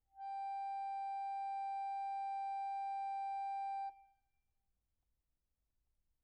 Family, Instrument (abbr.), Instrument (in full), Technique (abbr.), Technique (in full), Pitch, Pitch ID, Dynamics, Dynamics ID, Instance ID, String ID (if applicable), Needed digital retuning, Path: Keyboards, Acc, Accordion, ord, ordinario, G5, 79, pp, 0, 0, , FALSE, Keyboards/Accordion/ordinario/Acc-ord-G5-pp-N-N.wav